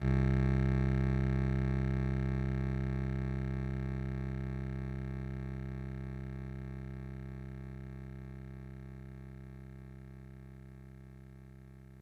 <region> pitch_keycenter=24 lokey=24 hikey=26 tune=-1 volume=12.078566 lovel=66 hivel=99 ampeg_attack=0.004000 ampeg_release=0.100000 sample=Electrophones/TX81Z/Clavisynth/Clavisynth_C0_vl2.wav